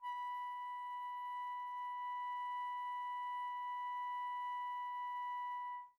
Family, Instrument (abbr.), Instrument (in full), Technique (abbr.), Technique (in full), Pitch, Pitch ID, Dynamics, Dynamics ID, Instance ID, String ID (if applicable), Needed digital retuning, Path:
Winds, Fl, Flute, ord, ordinario, B5, 83, pp, 0, 0, , FALSE, Winds/Flute/ordinario/Fl-ord-B5-pp-N-N.wav